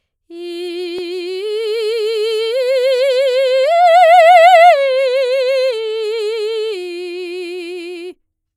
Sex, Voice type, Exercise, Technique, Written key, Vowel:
female, soprano, arpeggios, slow/legato forte, F major, i